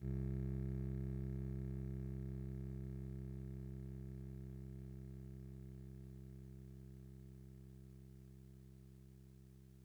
<region> pitch_keycenter=24 lokey=24 hikey=26 tune=-4 volume=24.836250 lovel=0 hivel=65 ampeg_attack=0.004000 ampeg_release=0.100000 sample=Electrophones/TX81Z/Clavisynth/Clavisynth_C0_vl1.wav